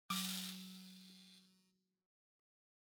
<region> pitch_keycenter=54 lokey=54 hikey=55 volume=18.318496 offset=4514 ampeg_attack=0.004000 ampeg_release=30.000000 sample=Idiophones/Plucked Idiophones/Mbira dzaVadzimu Nyamaropa, Zimbabwe, Low B/MBira4_pluck_Main_F#2_8_50_100_rr2.wav